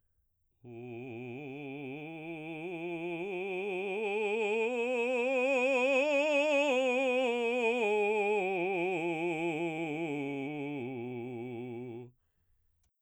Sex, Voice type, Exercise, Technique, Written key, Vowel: male, baritone, scales, slow/legato forte, C major, u